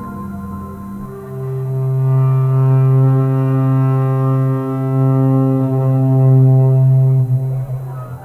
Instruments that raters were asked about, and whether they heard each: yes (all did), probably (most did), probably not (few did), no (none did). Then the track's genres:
cello: yes
bass: probably
Experimental; Drone; Ambient